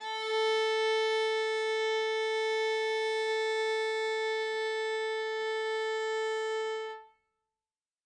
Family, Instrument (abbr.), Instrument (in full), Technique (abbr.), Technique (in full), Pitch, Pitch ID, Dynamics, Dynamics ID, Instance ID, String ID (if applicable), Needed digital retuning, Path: Strings, Va, Viola, ord, ordinario, A4, 69, ff, 4, 0, 1, FALSE, Strings/Viola/ordinario/Va-ord-A4-ff-1c-N.wav